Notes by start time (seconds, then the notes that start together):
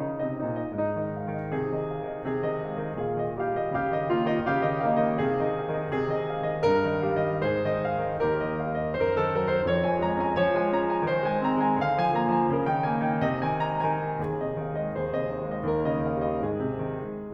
0.00 C#3 D#4
0.15 C3 D#5
0.27 D#4
0.39 A#2 D#5
0.70 G#2 D#4
0.96 D#3 D#5
1.10 G#3 F5
1.27 D#3 D#5
1.54 C3 G#4
1.71 D#3 D#5
1.87 G#3 F5
2.07 D#3 D#5
2.28 C3 G#4
2.43 D#3 D#5
2.66 G#3 F5
2.81 D#3 D#5
3.04 A#2 G#4 F5
3.24 D#3 D#5
3.40 G3 G4 F5
3.62 D#3 D#5
3.78 C#3 G4 F5
3.95 D#3 D#5
4.09 A#3 F4 F5
4.34 D#3 D#5
4.54 C#3 G4 F5
4.81 D#3 D#5
4.98 A#3 D#4 F5
5.11 D#3 D#5
5.27 C3 G#4
5.55 D#3 D#5
5.68 G#3 F5
5.83 D#3 D#5
5.94 C3 G#4
6.20 D#3 D#5
6.33 G#3 F5
6.46 D#3 D#5
6.62 G2 A#4
6.86 D#3 D#5
7.04 G3 F5
7.24 D#3 D#5
7.44 G#2 G#4 C5
7.67 D#3 D#5
7.94 G#3 F5
8.16 D#3 D#5
8.28 D#2 G4 A#4
8.38 D#3 D#5
8.61 G3 F5
8.77 D#3 D#5
8.96 F#2 C5
9.01 A#4
9.10 D#3 A4
9.29 F#3 A#4
9.50 D#3 C5
9.66 F2 C#5
9.82 F3 G#5
10.03 G#3 A#5
10.21 C4 G#5
10.37 F3 C#5
10.60 G#3 G#5
10.74 C#4 A#5
10.89 G#3 G#5
11.04 D#3 C5
11.24 G#3 G#5
11.46 C4 A#5
11.66 G#3 G#5
11.81 D3 F5
11.97 F3 G#5
12.12 A#3 A#5
12.39 F3 G#5
12.54 C#3 A#4
12.67 D#3 G5
12.84 A#3 G#5
13.00 D#3 G5
13.15 C3 D#5
13.47 D#3 G#5
13.77 G#3 A#5
13.93 D#3 G#5
14.12 D#2 G#4
14.42 C3 D#5
14.63 D#3 F5
14.78 G#3 D#5
14.97 D#2 G#4 C5
15.20 C3 D#5
15.35 D#3 F5
15.49 G#3 D#5
15.65 D#2 G4 A#4
15.80 C#3 D#5
16.01 D#3 F5
16.21 G3 D#5
16.38 G#2 G#4
16.70 C3
16.87 D#3
17.07 G#3